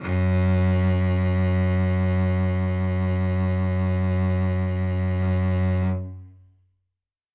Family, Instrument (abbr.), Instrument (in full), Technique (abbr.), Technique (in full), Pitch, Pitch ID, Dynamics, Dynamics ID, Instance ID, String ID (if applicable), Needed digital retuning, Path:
Strings, Vc, Cello, ord, ordinario, F#2, 42, ff, 4, 3, 4, FALSE, Strings/Violoncello/ordinario/Vc-ord-F#2-ff-4c-N.wav